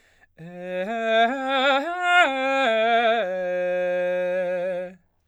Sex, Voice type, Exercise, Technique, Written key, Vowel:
male, baritone, arpeggios, slow/legato forte, F major, e